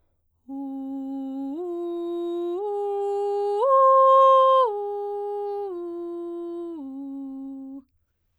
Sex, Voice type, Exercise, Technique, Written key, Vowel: female, soprano, arpeggios, straight tone, , u